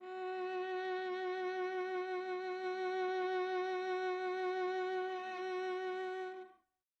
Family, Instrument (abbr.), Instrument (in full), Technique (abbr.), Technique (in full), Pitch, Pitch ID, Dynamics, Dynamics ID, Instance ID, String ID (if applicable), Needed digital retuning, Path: Strings, Va, Viola, ord, ordinario, F#4, 66, mf, 2, 3, 4, TRUE, Strings/Viola/ordinario/Va-ord-F#4-mf-4c-T26u.wav